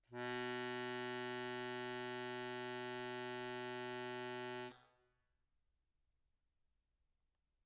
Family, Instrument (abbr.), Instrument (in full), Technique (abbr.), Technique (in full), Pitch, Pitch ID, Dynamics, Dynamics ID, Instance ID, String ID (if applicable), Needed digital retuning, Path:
Keyboards, Acc, Accordion, ord, ordinario, B2, 47, mf, 2, 0, , FALSE, Keyboards/Accordion/ordinario/Acc-ord-B2-mf-N-N.wav